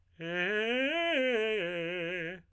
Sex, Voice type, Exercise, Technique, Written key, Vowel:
male, tenor, arpeggios, fast/articulated piano, F major, e